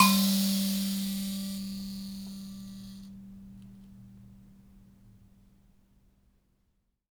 <region> pitch_keycenter=55 lokey=55 hikey=55 volume=-1.602227 ampeg_attack=0.004000 ampeg_release=15.000000 sample=Idiophones/Plucked Idiophones/Mbira Mavembe (Gandanga), Zimbabwe, Low G/Mbira5_Normal_MainSpirit_G2_k13_vl2_rr1.wav